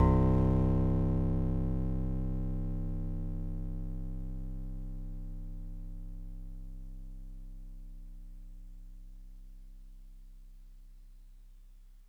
<region> pitch_keycenter=36 lokey=35 hikey=38 tune=-1 volume=10.142278 lovel=100 hivel=127 ampeg_attack=0.004000 ampeg_release=0.100000 sample=Electrophones/TX81Z/FM Piano/FMPiano_C1_vl3.wav